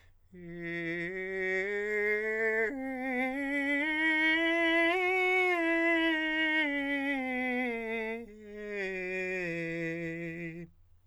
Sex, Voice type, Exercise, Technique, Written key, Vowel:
male, countertenor, scales, slow/legato forte, F major, e